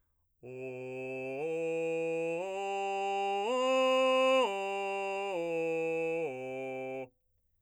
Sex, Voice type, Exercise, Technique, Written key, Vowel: male, , arpeggios, straight tone, , o